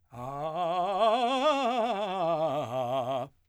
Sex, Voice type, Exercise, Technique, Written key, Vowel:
male, , scales, fast/articulated forte, C major, a